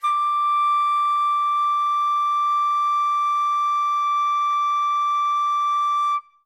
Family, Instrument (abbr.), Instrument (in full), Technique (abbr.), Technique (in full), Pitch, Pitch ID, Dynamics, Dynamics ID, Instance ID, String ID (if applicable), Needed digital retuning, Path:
Winds, Fl, Flute, ord, ordinario, D6, 86, ff, 4, 0, , TRUE, Winds/Flute/ordinario/Fl-ord-D6-ff-N-T20d.wav